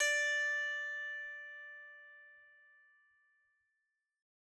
<region> pitch_keycenter=74 lokey=74 hikey=75 tune=-4 volume=8.939743 ampeg_attack=0.004000 ampeg_release=15.000000 sample=Chordophones/Zithers/Psaltery, Bowed and Plucked/Pluck/BowedPsaltery_D4_Main_Pluck_rr1.wav